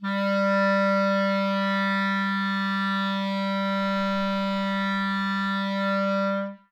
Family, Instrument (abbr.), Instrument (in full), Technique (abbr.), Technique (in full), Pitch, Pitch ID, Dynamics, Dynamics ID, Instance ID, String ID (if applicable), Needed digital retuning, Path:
Winds, ClBb, Clarinet in Bb, ord, ordinario, G3, 55, ff, 4, 0, , TRUE, Winds/Clarinet_Bb/ordinario/ClBb-ord-G3-ff-N-T20u.wav